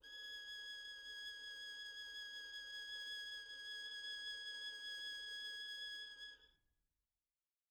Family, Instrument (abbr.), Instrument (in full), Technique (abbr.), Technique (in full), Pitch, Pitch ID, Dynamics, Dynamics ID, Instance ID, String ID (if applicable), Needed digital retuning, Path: Strings, Vn, Violin, ord, ordinario, G#6, 92, pp, 0, 0, 1, FALSE, Strings/Violin/ordinario/Vn-ord-G#6-pp-1c-N.wav